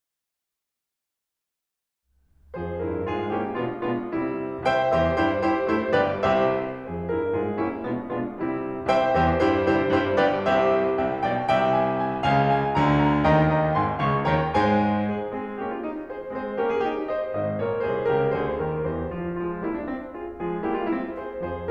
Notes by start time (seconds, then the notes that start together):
2.05 F2 F3 G#4 C5
2.80 G2 G3 E4 A#4
3.05 G#2 G#3 F4 G#4
3.32 A#2 A#3 C#4 E4 G4
3.59 B2 G#3 B3 D4 F4
3.87 B2 G#3 B3 D4 F4
4.14 C3 G3 C4 E4
4.68 C2 C3 C5 E5 G5
4.92 E2 E3 G4 C5 E5
5.18 G2 G3 E4 G4 C5
5.53 C3 C4 E4 G4 C5
5.75 G2 G3 E4 G4 C5
5.99 G1 G2 G4 B4 D5
6.25 C2 C3 G4 C5 E5
6.85 F2 F3 G#4 C5
7.12 G2 G3 E4 A#4
7.34 G#2 G#3 F4 G#4
7.56 A#2 A#3 C#4 E4 G4
7.79 B2 G#3 B3 D4 F4
8.04 B2 G#3 B3 D4 F4
8.31 C3 G3 C4 E4
8.90 C2 C3 C5 E5 G5
9.14 E2 E3 G4 C5 E5
9.44 G2 G3 E4 G4 C5
9.71 C3 C4 E4 G4 C5
9.91 G2 G3 E4 G4 C5
10.17 G1 G2 G4 B4 D5
10.41 C2 C3 G4 C5 E5
10.95 C2 C3 E5 G5
11.24 B1 B2 D5 G5
11.52 C2 C3 E5 G5
11.77 G#5
12.02 G#5
12.25 C#2 C#3 F5 G#5
12.50 G#5
12.75 D2 D3 F5 G#5 A#5
12.93 A#5
13.21 D#2 D#3 D#5 G5 A#5
13.46 G5 A#5
13.73 G#1 G#2 G#5 C6
13.99 C#2 C#3 F5 A#5 C#6
14.24 D#2 D#3 C#5 G5 A#5
14.47 G#2 G#3 C5 G#5
15.12 G#4
15.31 G#3 C4 G#4
15.59 A#3 C#4 G4
15.72 F4
15.81 D#4
16.08 G#4 C5
16.33 G#3 C4 G#4 C5
16.58 A#3 C#4 G4 A#4
16.72 F4 G#4
16.85 D#4 G4
17.07 C5 D#5
17.34 G#1 G#2 C5 D#5
17.60 A#1 A#2 A#4 C#5
17.87 C2 C3 G#4 C5
18.11 C#2 C#3 G4 A#4
18.41 D2 D3 G#4 C5
18.64 D#2 D#3 G4 A#4
18.91 E2 E3 G4 C5
19.23 F4
19.45 F3 G#3 F4
19.65 G3 A#3 E4
19.81 D4
19.93 C4
20.18 F4 G#4
20.42 F3 G#3 F4 G#4
20.68 G3 A#3 E4 G4
20.80 D4 F4
20.91 C4 E4
21.15 G#4 C5
21.41 F2 F3 G#4 C5